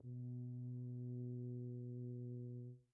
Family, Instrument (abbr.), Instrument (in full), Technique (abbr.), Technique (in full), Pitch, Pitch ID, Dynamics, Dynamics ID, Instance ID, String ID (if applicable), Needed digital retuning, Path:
Brass, BTb, Bass Tuba, ord, ordinario, B2, 47, pp, 0, 0, , TRUE, Brass/Bass_Tuba/ordinario/BTb-ord-B2-pp-N-T11d.wav